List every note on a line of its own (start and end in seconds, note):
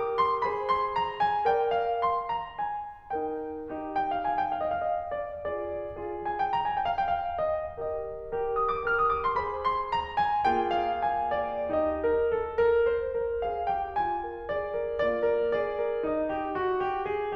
0.01 0.45 G4
0.01 0.45 A#4
0.01 0.19 D6
0.20 0.45 C6
0.45 1.47 G#4
0.45 1.47 C5
0.45 0.67 B5
0.68 0.95 C6
0.96 1.24 A#5
1.25 1.47 G#5
1.49 2.61 A#4
1.49 2.61 D5
1.49 1.78 G5
1.79 2.03 F5
2.04 2.30 C6
2.32 2.61 A#5
2.61 3.14 G#5
3.15 3.64 D#4
3.15 3.64 A#4
3.15 3.64 G5
3.65 4.27 D#4
3.65 4.27 G4
3.95 4.14 G5
4.15 4.27 F5
4.28 4.38 G#5
4.41 4.55 G5
4.56 4.72 F5
4.73 4.86 D#5
4.86 4.99 F5
5.00 5.14 D#5
5.14 5.45 D5
5.46 5.92 F4
5.46 5.92 G#4
5.46 5.92 D5
5.93 6.52 F4
5.93 6.52 G#4
6.23 6.39 G#5
6.40 6.52 G5
6.53 6.66 A#5
6.67 6.81 G#5
6.81 6.91 G5
6.93 7.05 F5
7.05 7.13 G5
7.15 7.39 F5
7.39 7.80 D#5
7.81 8.33 G4
7.81 8.33 A#4
7.81 8.33 D#5
8.35 8.86 G4
8.35 8.86 A#4
8.64 8.75 D#6
8.76 8.86 D6
8.88 9.40 G4
8.88 9.40 A#4
8.88 8.98 F6
8.99 9.12 D#6
9.13 9.25 D6
9.28 9.40 C6
9.41 10.50 G#4
9.41 10.50 C5
9.41 9.65 B5
9.65 9.91 C6
9.92 10.20 A#5
10.21 10.50 G#5
10.51 11.70 A#3
10.51 11.70 F4
10.51 11.70 G#4
10.51 10.75 G5
10.76 10.99 F5
11.00 11.31 G#5
11.33 11.70 D5
11.71 11.98 D#4
11.71 11.98 G4
11.71 12.78 D#5
11.99 12.20 A#4
12.21 12.46 A4
12.50 12.78 A#4
12.82 13.13 C5
13.14 13.45 A#4
13.46 13.75 G#4
13.46 13.75 F5
13.76 13.98 G4
13.76 13.98 G5
13.98 14.20 F4
13.98 14.48 G#5
14.22 14.48 A#4
14.50 14.76 G#4
14.50 15.01 D5
14.77 15.01 A#4
15.02 15.31 A#3
15.02 15.31 F4
15.02 15.55 D5
15.32 15.55 A#4
15.60 15.85 G#4
15.60 16.10 D5
15.87 16.10 A#4
16.10 16.28 D#4
16.10 17.04 D#5
16.29 16.58 G4
16.60 16.82 F#4
16.83 17.04 G4
17.05 17.35 G#4